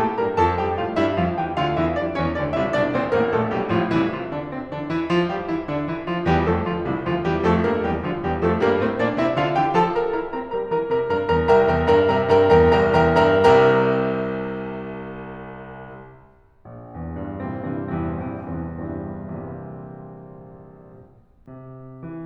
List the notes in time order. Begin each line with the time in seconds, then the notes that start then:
0.01 A2 A3 A4 A5
0.19 G2 G3 A#4 A#5
0.34 F2 F3 A4 A5
0.59 G2 G3 G4 G5
0.80 A2 A3 F4 F5
0.98 G2 G3 E4 E5
1.19 F2 F3 F4 F5
1.42 E2 E3 G4 G5
1.65 D2 D3 F4 F5
1.86 E2 E3 E4 E5
2.01 F2 F3 D4 D5
2.21 E2 E3 C#4 C#5
2.36 D2 D3 D4 D5
2.55 C2 C3 E4 E5
2.72 A#1 A#2 D4 D5
2.94 A1 A2 C4 C5
3.15 A#1 A#2 A#3 A#4
3.36 B1 B2 A3 A4
3.57 A1 A2 G3 G4
3.77 B1 B2 F3 F4
3.99 C2 C3 E3 E4
4.17 F3 F4
4.38 D3 D4
4.56 C3 C4
4.71 D3 D4
4.91 E3 E4
5.11 F3 F4
5.31 G3 G4
5.49 E3 E4
5.67 D3 D4
5.88 E3 E4
6.08 F3 F4
6.24 E2 E3 G3 G4
6.44 F2 F3 A3 A4
6.61 D2 D3 F3 F4
6.81 C2 C3 E3 E4
6.97 D2 D3 F3 F4
7.22 E2 E3 G3 G4
7.45 F2 F3 A3 A4
7.68 G2 G3 A#3 A#4
7.85 E2 E3 G3 G4
8.04 D2 D3 F3 F4
8.25 E2 E3 G3 G4
8.45 F2 F3 A3 A4
8.62 G2 G3 A#3 A#4
8.76 A2 A3 C4 C5
8.97 A#2 A#3 D4 D5
9.15 C3 C4 E4 E5
9.35 D3 D4 F4 F5
9.56 E3 E4 G4 G5
9.76 F3 F4 A4 A5
9.93 G3 G4 A#4 A#5
10.12 E4 A#4 A#5
10.34 C4 A#4 A#5
10.51 G3 A#4 A#5
10.69 E3 A#4 A#5
10.92 C3 A#4 A#5
11.10 G2 A#4 A#5
11.28 E2 A#4 A#5
11.49 C2 A#4 E5 G5 A#5
11.70 E2 A#4 E5 G5 A#5
11.86 G2 A#4 E5 G5 A#5
12.07 C3 A#4 E5 G5 A#5
12.31 G2 A#4 E5 G5 A#5
12.51 E2 A#4 E5 G5 A#5
12.75 C2 A#4 E5 G5 A#5
12.99 E2 A#4 E5 G5 A#5
13.24 G2 A#4 E5 G5 A#5
13.54 C2 C3 A#4 E5 G5 A#5
16.61 A#1
16.89 E2
17.14 G2
17.43 A#2 C3 E3 G3 C4
17.71 G2 C3 E3 G3 C4
17.93 E2 C3 E3 G3 C4
18.21 A#1 C3 E3 G3 C4
18.47 E2 C3 E3 G3 C4
18.78 G2 C3 E3 G3 C4
19.14 A#1 A#2 C3 E3 G3 C4
21.21 C3
22.05 E3